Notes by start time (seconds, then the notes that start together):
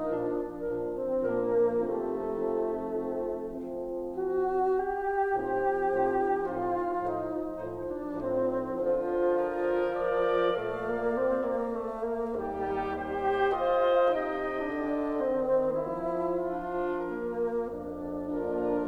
0.00 A#2 F3 D4 A#4
0.50 A#2 F3 D4 A#4
0.92 C4
1.23 A#2 F3 A#3 D4 A#4
1.83 C3 F3 A3 C4 D#4 A4
2.36 F3 C4
2.97 F3 C4
3.70 F3 C4
4.20 F#4
4.64 G4
5.36 A2 F3 C4 D#4 G4 A#4
5.82 A2 F3 D#4 C5
6.44 A2 F3 D#4 C5
6.78 F4
6.91 A2 F3 D#4 C5
7.43 A2 F3 D#4 C5
7.71 D4
7.96 A2 F3 C4 D#4 C5
8.64 D3 F3 F4
9.37 F4 A#4
9.73 A#4 D5
10.51 A#2 A3 D5 F5
10.76 A#3
11.06 C4
11.46 A#3
11.70 A3
12.00 A#3
12.32 D#2 G3 D#4 G4
13.04 G4 C5
13.62 F4 C5 D#5
14.15 C3 D#4 D#5 G5
14.64 D3 D4
15.13 D#3 C4
15.84 F3 E4
16.43 D4 F4
17.15 A#3 F4 A#4
17.72 F2 D4
18.34 A#3 D4 F4 A#4